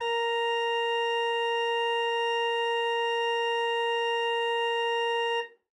<region> pitch_keycenter=70 lokey=70 hikey=71 volume=8.233512 ampeg_attack=0.004000 ampeg_release=0.300000 amp_veltrack=0 sample=Aerophones/Edge-blown Aerophones/Renaissance Organ/Full/RenOrgan_Full_Room_A#3_rr1.wav